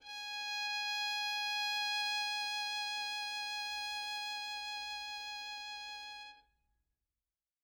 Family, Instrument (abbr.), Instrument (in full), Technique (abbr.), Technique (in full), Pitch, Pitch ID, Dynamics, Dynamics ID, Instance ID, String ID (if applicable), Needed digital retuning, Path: Strings, Vn, Violin, ord, ordinario, G#5, 80, mf, 2, 0, 1, FALSE, Strings/Violin/ordinario/Vn-ord-G#5-mf-1c-N.wav